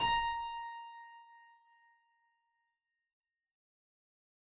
<region> pitch_keycenter=82 lokey=82 hikey=83 volume=1.399631 trigger=attack ampeg_attack=0.004000 ampeg_release=0.400000 amp_veltrack=0 sample=Chordophones/Zithers/Harpsichord, Flemish/Sustains/Low/Harpsi_Low_Far_A#4_rr1.wav